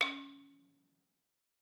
<region> pitch_keycenter=61 lokey=60 hikey=63 volume=2.215604 offset=200 lovel=100 hivel=127 ampeg_attack=0.004000 ampeg_release=30.000000 sample=Idiophones/Struck Idiophones/Balafon/Traditional Mallet/EthnicXylo_tradM_C#3_vl3_rr1_Mid.wav